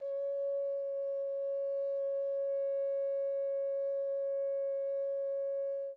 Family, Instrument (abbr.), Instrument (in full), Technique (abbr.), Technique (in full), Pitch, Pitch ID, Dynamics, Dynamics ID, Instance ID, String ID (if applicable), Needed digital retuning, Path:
Brass, Hn, French Horn, ord, ordinario, C#5, 73, pp, 0, 0, , FALSE, Brass/Horn/ordinario/Hn-ord-C#5-pp-N-N.wav